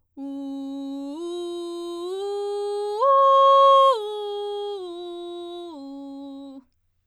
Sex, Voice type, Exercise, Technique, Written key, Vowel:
female, soprano, arpeggios, belt, , u